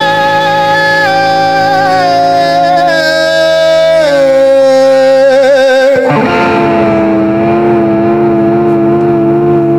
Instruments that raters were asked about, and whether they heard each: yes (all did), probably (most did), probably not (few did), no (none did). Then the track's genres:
bass: no
Blues; Rock; Hip-Hop